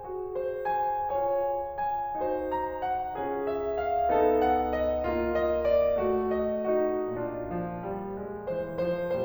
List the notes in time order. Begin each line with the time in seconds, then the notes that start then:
0.00 F#4 G#4
0.34 C5
0.70 G#5
1.10 F4 C#5 G#5
1.80 G#5
2.19 D#4 F#4 C5
2.51 A#5
2.82 F#5
3.18 C#4 F4 G#4
3.46 E5
3.75 F5
4.17 B3 D#4 A4
4.43 F#5
4.78 D#5
5.06 A#3 F4
5.39 D#5
5.68 D5
6.03 A3
6.32 D#5
6.73 D#4 F#4
7.14 A#2 D4 F4
7.51 F3
7.84 G3
8.19 G#3
8.54 E3 C5
8.92 F3 C5